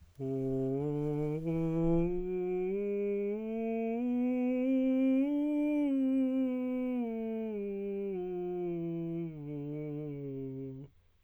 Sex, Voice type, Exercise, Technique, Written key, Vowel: male, tenor, scales, breathy, , o